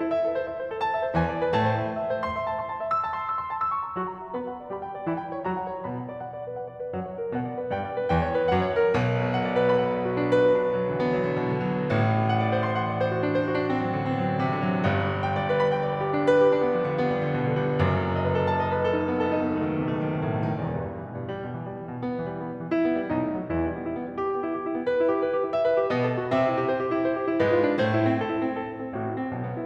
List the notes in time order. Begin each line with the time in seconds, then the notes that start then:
0.00 E4
0.12 E5
0.23 A4
0.34 C5
0.44 E5
0.57 C5
0.68 A4
0.81 A5
0.92 E5
1.01 C5
1.13 E2 E3 G#5
1.23 D5
1.35 B4
1.51 A2 A3 A5
1.67 C5
1.81 E5
1.93 A5
2.03 E5
2.10 C5
2.23 C6
2.33 E5
2.44 A5
2.55 C6
2.67 A5
2.81 E5
2.91 E6
3.08 A5
3.20 C6
3.31 E6
3.42 C6
3.54 A5
3.62 E6
3.70 C#6
3.83 A#5
3.97 F#3 F#4 C#6
4.12 A#5
4.23 E5
4.37 B3 B4 B5
4.48 F#5
4.59 D5
4.70 G3 G4 B5
4.83 G5
4.92 D5
5.07 E3 E4 B5
5.20 G5
5.33 C#5
5.46 F#3 F#4 A#5
5.61 F#5
5.74 C#5
5.84 B2 B3 B5
5.98 F#5
6.12 D5
6.23 F#5
6.36 D5
6.46 B4
6.57 F#5
6.66 D5
6.80 B4
6.93 F#2 F#3 F#5
7.06 C#5
7.19 A#4
7.35 B2 B3 F#5
7.50 D5
7.64 B4
7.72 G2 G3 G5
7.84 D5
7.95 B4
8.09 E2 E3 G5
8.22 C#5
8.35 B4
8.49 F#2 F#3 F#5
8.60 C#5
8.75 A#4
8.90 B1 B2
9.31 F#5
9.44 D5
9.54 B4
9.65 B5
9.76 F#5
9.87 D5
9.96 B4
10.04 F#4
10.18 D4
10.30 B4
10.44 F#4
10.55 D4
10.67 B3
10.75 F#3
10.90 D3
11.02 B3
11.15 F#3
11.27 D3
11.44 B2
11.59 D3
11.73 F#3
11.83 A1 A2
12.23 F#5
12.40 D5
12.49 C5
12.61 C6
12.74 F#5
12.86 D5
12.98 C5
13.12 F#4
13.24 D4
13.32 C5
13.41 F#4
13.53 D4
13.64 C4
13.77 F#3
13.87 D3
14.02 C4
14.19 F#3
14.32 D3
14.42 C3
14.56 D3
14.68 F#3
14.81 G1 G2
15.26 G5
15.41 D5
15.50 B4
15.62 B5
15.71 G5
15.84 D5
15.93 B4
16.04 G4
16.18 D4
16.30 B4
16.44 G4
16.56 D4
16.67 B3
16.76 G3
16.88 D3
17.00 B3
17.10 G3
17.21 D3
17.29 B2
17.39 D3
17.53 G3
17.66 F#1 F#2
18.13 D#5
18.25 B4
18.36 A4
18.46 A5
18.61 D#5
18.73 B4
18.83 A4
18.95 D#4
19.10 B3
19.20 A4
19.33 D#4
19.46 B3
19.56 A3
19.67 D#3
19.81 B2
19.93 A3
20.03 D#3
20.15 B2
20.26 A2
20.36 B2
20.46 D#3
20.56 E1 E2
20.68 G2
20.79 B2
20.93 E3
21.05 B2
21.18 G2
21.32 G3
21.47 B2
21.59 E3
21.71 G3
21.82 E3
21.88 B2
22.01 B3
22.13 E3
22.29 G3
22.41 B3
22.52 G3
22.62 E3
22.76 E4
22.86 B3
22.98 G3
23.08 B1 B2 D#4
23.22 A3
23.35 F#3
23.50 E2 E3 E4
23.66 G3
23.78 B3
23.86 E4
23.94 B3
24.06 G3
24.17 G4
24.28 B3
24.42 E4
24.54 G4
24.65 E4
24.76 B3
24.83 B4
24.95 E4
25.05 G4
25.18 B4
25.32 G4
25.46 E4
25.52 E5
25.63 B4
25.76 G4
25.89 B2 B3 D#5
26.03 A4
26.19 F#4
26.28 C3 C4 E5
26.38 G4
26.48 E4
26.60 C5
26.73 G4
26.88 E4
27.02 C5
27.10 F4
27.23 D4
27.35 G2 G3 B4
27.48 F4
27.62 D4
27.75 A2 A3 C5
27.85 E4
27.99 C4
28.14 A4
28.29 E4
28.42 C4
28.53 A4
28.67 E4
28.79 C4
28.94 A1 A2 F#4
29.08 E4
29.20 C4
29.30 B1 B2
29.40 B3
29.52 E4